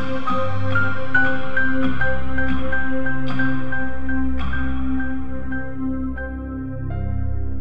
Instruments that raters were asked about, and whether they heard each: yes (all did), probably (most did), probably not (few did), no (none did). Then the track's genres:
mallet percussion: probably
Ambient; Composed Music; Minimalism